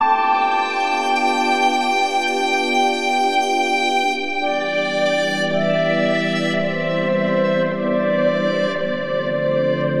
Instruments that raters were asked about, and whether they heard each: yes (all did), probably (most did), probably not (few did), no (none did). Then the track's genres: accordion: no
violin: probably
Electronic; Ambient Electronic; Minimal Electronic; Christmas